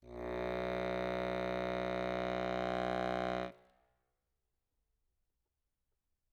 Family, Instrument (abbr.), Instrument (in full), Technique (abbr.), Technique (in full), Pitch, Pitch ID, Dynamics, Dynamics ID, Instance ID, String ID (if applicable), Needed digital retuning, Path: Keyboards, Acc, Accordion, ord, ordinario, B1, 35, ff, 4, 0, , TRUE, Keyboards/Accordion/ordinario/Acc-ord-B1-ff-N-T11u.wav